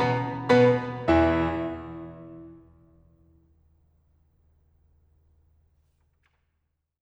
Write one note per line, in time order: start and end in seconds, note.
0.00 0.48 B2
0.00 0.48 B3
0.00 0.48 B5
0.48 1.11 B2
0.48 1.11 B3
0.48 1.11 B4
0.48 1.11 B5
1.15 4.57 E2
1.15 4.57 E3
1.15 4.57 E4
1.15 4.57 E5